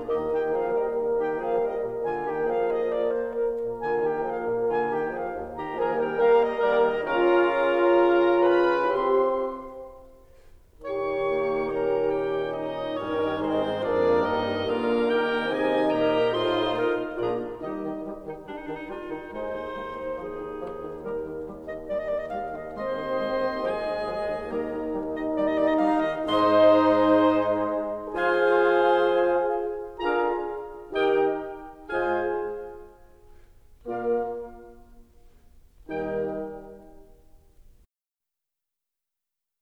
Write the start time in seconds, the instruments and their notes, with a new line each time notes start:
0.00 bassoon D#2 D#3, horn A#3 A#4, clarinet D#4 G4, oboe D#5
0.27 bassoon D#3, clarinet G4 G5
0.49 bassoon F3, clarinet G#4 F5
0.71 bassoon G3, clarinet A#4 D#5
0.91 bassoon D#3
1.14 bassoon D#3, clarinet G4 G5
1.37 bassoon F3, clarinet G#4 F5
1.57 bassoon G3, clarinet A#4 D#5
1.78 bassoon A#2
2.02 bassoon D3, clarinet F4 G#5
2.26 bassoon D#3 A#3, clarinet G4 G5
2.47 bassoon F3, clarinet G#4 F5
2.68 bassoon F3, clarinet G#4 D#5
2.89 clarinet D5
3.11 clarinet C5
3.33 clarinet A#4
3.55 bassoon A#2
3.78 bassoon D3, clarinet F4 G#5
4.03 bassoon D#3, clarinet G4 G5
4.31 bassoon F3, clarinet G#4 F5
4.53 bassoon A#2
4.73 bassoon D3, clarinet F4 G#5
4.97 bassoon D#3, clarinet G4 G5
5.19 bassoon F3, clarinet G#4 F5
5.40 bassoon D#2
5.58 bassoon D#3, clarinet G4 A#5
5.74 bassoon D#3 F3, horn A#3 A#4, clarinet G#4 G#5, oboe A#4 A#5
5.96 bassoon G3, clarinet A#4 G5
6.16 bassoon G3, horn A#3 A#4, clarinet A#4 F5, oboe A#4 A#5
6.40 clarinet D#5
6.59 bassoon D#3 G3, horn A#3 A#4, clarinet A#4 D5, oboe A#4 A#5
6.78 clarinet D#5
7.05 bassoon C#3 C#4, horn F4, clarinet A#4 A#5, oboe F5 A#5
8.46 clarinet B4 B5, oboe B5
8.90 bassoon C3 C4, horn G4, clarinet C5 C6, oboe E5 C6
10.83 bassoon A#2, horn D#3 G4, clarinet C#4 C#5, oboe C#6
11.32 bassoon A#3
11.75 bassoon C#4, clarinet A#4, oboe A#5
12.10 clarinet G4, oboe G5
12.55 bassoon A#2, clarinet D#4, oboe D#5
13.01 bassoon G2 G3, horn D#3 D#4, clarinet C#4 A#4, oboe A#4 C#5
13.46 bassoon G#2 G#3, clarinet C4 G#4, oboe C5
13.84 bassoon F2 F3, horn A#3 A#4, clarinet D4 G#4, oboe A#4 D5
14.25 bassoon G2 G3, clarinet D#4, oboe D#5
14.58 bassoon D3 D4, horn A#3, clarinet F4 A#4, oboe F5 A#5
15.01 bassoon D#3 D#4, clarinet G4, oboe G5
15.44 bassoon C3 C4, horn D#3 D#4, clarinet G#4 D#5, oboe G#5
15.84 bassoon A#2 A#3, clarinet G4 A#4, oboe G5 A#5
16.35 bassoon A2 A3, horn D#4 F4, clarinet F4 C5, oboe D#5 C6
16.75 bassoon A#2 A#3, clarinet A#4, oboe F5
17.16 bassoon A#1 A#2, horn A#3 F4, clarinet D4 G#4, oboe D5 A#5
17.58 bassoon D#2 D#3, horn G3 D#4, clarinet D#4 G4, oboe D#5
17.82 bassoon D#3
18.03 bassoon G3
18.22 bassoon D#3, clarinet D#4
18.43 bassoon G3, clarinet D4
18.51 clarinet D#4
18.60 bassoon D#3, clarinet D4
18.72 clarinet D#4
18.83 bassoon G3, clarinet F4
19.04 bassoon D#3, clarinet D#4
19.28 horn D#2, bassoon G#3, clarinet D#4 C5
19.52 bassoon D#3
19.70 bassoon G#3
19.90 bassoon D#3
20.13 bassoon F3, clarinet G#4
20.32 bassoon D#3
20.50 bassoon F3
20.74 bassoon D#3
20.96 bassoon G3, clarinet D#4 A#4
21.16 bassoon D#3
21.42 bassoon G3
21.66 bassoon D#3, clarinet D#5
21.88 bassoon G3, clarinet D5
21.98 clarinet D#5
22.05 bassoon D#3, clarinet D5
22.15 clarinet D#5
22.26 bassoon G3, clarinet F5
22.48 bassoon D#3, clarinet D#5
22.71 bassoon G#3 C4, clarinet C5 D#5, oboe D#5 C6
22.93 bassoon D#3
23.17 bassoon G#3
23.42 bassoon D#3
23.65 bassoon F3 G#3, clarinet G#4, oboe G#5
23.87 bassoon D#3
24.09 bassoon F3
24.26 bassoon D#3
24.50 horn D#2 D#4, bassoon G3 A#3, clarinet A#4 D#5, oboe D#5 A#5
24.69 bassoon D#3
24.90 bassoon G3
25.09 bassoon D#3, clarinet D#5
25.32 bassoon G3, clarinet D5
25.43 clarinet D#5
25.54 bassoon D#3, clarinet D5
25.66 clarinet D#5
25.77 bassoon G3, clarinet F5
25.99 bassoon D#3, clarinet D#5
26.26 bassoon G#2 G#3, horn D#4, clarinet C5 C6, oboe D#5 C6
28.20 bassoon F3 F4, horn F4 G#4, clarinet C5 G#5, oboe F5 G#5
30.08 bassoon D3 D4, horn F4 G#4, clarinet A#4 A#5, oboe F5 A#5
31.03 bassoon D#3 D#4, horn D#4 G4, clarinet A#4 G5, oboe D#5 G5
31.89 bassoon G#2 G#3, horn F4 G#4, clarinet C5 G#5, oboe F5 G#5
33.88 bassoon A#2 A#3, horn A#3 F4, clarinet A#4 F5, oboe D5 F5
35.89 bassoon D#2 D#3, horn G3 D#4, clarinet A#4 G5, oboe D#5 G5